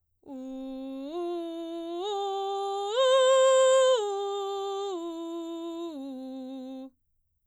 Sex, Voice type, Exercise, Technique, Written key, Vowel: female, soprano, arpeggios, belt, C major, u